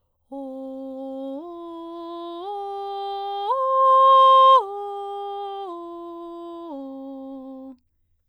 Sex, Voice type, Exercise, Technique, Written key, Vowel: female, soprano, arpeggios, straight tone, , o